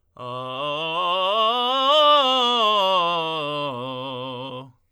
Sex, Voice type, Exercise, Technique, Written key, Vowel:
male, tenor, scales, belt, , o